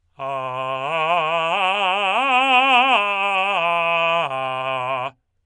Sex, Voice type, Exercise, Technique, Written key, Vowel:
male, tenor, arpeggios, belt, , a